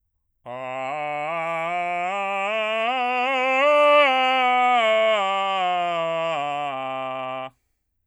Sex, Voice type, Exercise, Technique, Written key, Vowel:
male, bass, scales, belt, , a